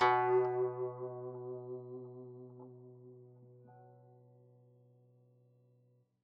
<region> pitch_keycenter=47 lokey=47 hikey=48 volume=9.186992 lovel=0 hivel=83 ampeg_attack=0.004000 ampeg_release=0.300000 sample=Chordophones/Zithers/Dan Tranh/Vibrato/B1_vib_mf_1.wav